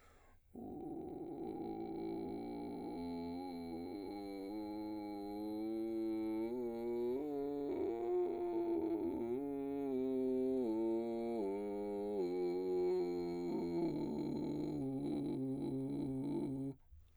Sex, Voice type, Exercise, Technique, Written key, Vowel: male, baritone, scales, vocal fry, , u